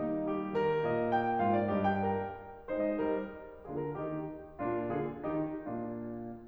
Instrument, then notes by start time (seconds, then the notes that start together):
piano
0.00 A#3 D#4
0.31 G3 G4
0.57 D#3 A#4
0.87 A#2 D#5
1.10 G5
1.43 G#2 F4 F5
1.56 D5
1.72 G2 G4 D#5
1.89 G5
2.12 A#4
2.69 G#3 D#4 C5
2.89 D#5
3.07 G3 A#4
3.65 D3 A#3 F4 G#4
3.80 A#4
3.94 D#3 D#4 G4
4.61 A#2 A#3 D4 F4
4.97 D3 F4 G#4
5.25 D#3 A#3 D#4 G4
5.58 A#2 A#3 D4 F4